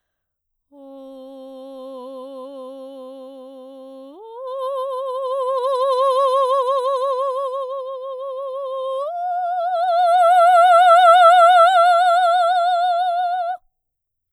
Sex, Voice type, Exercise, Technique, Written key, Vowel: female, soprano, long tones, messa di voce, , o